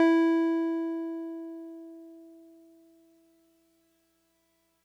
<region> pitch_keycenter=64 lokey=63 hikey=66 volume=7.788236 lovel=100 hivel=127 ampeg_attack=0.004000 ampeg_release=0.100000 sample=Electrophones/TX81Z/Piano 1/Piano 1_E3_vl3.wav